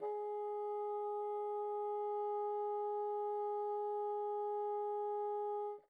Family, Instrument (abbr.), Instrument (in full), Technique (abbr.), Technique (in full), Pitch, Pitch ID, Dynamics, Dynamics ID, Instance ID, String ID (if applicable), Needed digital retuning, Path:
Winds, Bn, Bassoon, ord, ordinario, G#4, 68, pp, 0, 0, , FALSE, Winds/Bassoon/ordinario/Bn-ord-G#4-pp-N-N.wav